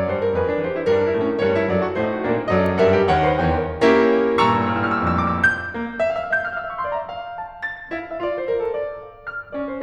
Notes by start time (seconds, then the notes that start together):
0.00 G2 G3 C5
0.16 A#4
0.36 F2 F3 A4 B4
0.48 D4
0.68 E2 E3 G4 C5
0.79 E4
0.92 G2 G3 D4 A#4
1.06 D#4
1.17 A2 A3 C#4 A4
1.29 D4
1.38 G2 G3 A#4 C#5
1.51 D#4
1.71 F#2 F#3 A4 D5
1.81 F#4
1.96 A2 A3 D#4 C5
2.11 F#4
2.28 A#2 A#3 D4 A#4
2.37 G4
2.47 F#2 F#3 A#4 D#5
2.61 A4
2.84 G2 G3 A#4 E5
2.96 G4
3.09 D#2 D#3 C#5 F#5
3.20 C5
3.36 E2 E3 C#5 G5
3.62 A#4
3.88 A#3 C#4 E4 G4 A#4
4.39 G2 A#2 A#5 C#6 E6
4.44 A2 F6
4.49 G2 E6
4.62 A2 F6
4.67 G2 E6
4.75 A2 F6
4.83 G2 E6
4.90 A2 F6
4.97 G2 E6
5.03 A2 F6
5.10 G2 E6
5.15 A2 F6
5.21 G2 E6
5.27 A2 F6
5.32 F2 D6
5.40 G2 E6
5.48 G6
5.72 A#3
5.94 E5
5.99 F5
6.05 E5
6.10 F5
6.15 E5 G6
6.21 F5
6.28 E5 F6
6.34 F5
6.40 E5 E6
6.44 F5
6.57 E5 C#6
6.66 F5
6.73 E5 C6
6.78 F5
6.86 D5 A#5
6.95 E5
7.01 F5
7.31 A5
7.57 A6
7.94 E4 F5
8.08 E5
8.25 F4 D5
8.39 C5
8.52 A#4
8.63 A4
8.75 D5
9.10 F5
9.30 F6
9.52 C#4 D5
9.71 C5